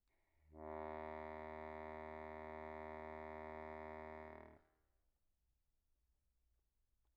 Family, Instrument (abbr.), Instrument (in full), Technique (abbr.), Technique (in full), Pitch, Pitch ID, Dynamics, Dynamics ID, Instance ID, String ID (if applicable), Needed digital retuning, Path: Keyboards, Acc, Accordion, ord, ordinario, D#2, 39, pp, 0, 0, , FALSE, Keyboards/Accordion/ordinario/Acc-ord-D#2-pp-N-N.wav